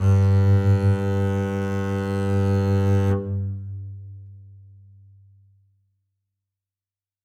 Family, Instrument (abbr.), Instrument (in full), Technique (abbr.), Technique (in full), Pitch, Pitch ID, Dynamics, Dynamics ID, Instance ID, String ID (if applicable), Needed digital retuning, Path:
Strings, Cb, Contrabass, ord, ordinario, G2, 43, ff, 4, 1, 2, FALSE, Strings/Contrabass/ordinario/Cb-ord-G2-ff-2c-N.wav